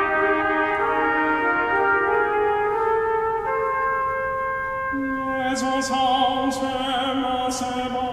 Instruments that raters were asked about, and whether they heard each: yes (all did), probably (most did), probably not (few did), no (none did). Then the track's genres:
clarinet: probably not
trombone: probably not
organ: probably not
trumpet: probably
Choral Music